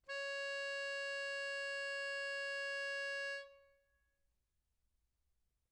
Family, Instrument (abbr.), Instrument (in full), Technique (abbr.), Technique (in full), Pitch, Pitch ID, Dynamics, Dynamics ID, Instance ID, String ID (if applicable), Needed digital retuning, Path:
Keyboards, Acc, Accordion, ord, ordinario, C#5, 73, mf, 2, 1, , FALSE, Keyboards/Accordion/ordinario/Acc-ord-C#5-mf-alt1-N.wav